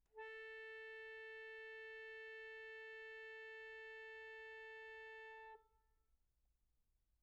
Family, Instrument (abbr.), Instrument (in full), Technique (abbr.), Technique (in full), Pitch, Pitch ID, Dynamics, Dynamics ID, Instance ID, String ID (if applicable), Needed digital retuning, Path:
Keyboards, Acc, Accordion, ord, ordinario, A4, 69, pp, 0, 0, , FALSE, Keyboards/Accordion/ordinario/Acc-ord-A4-pp-N-N.wav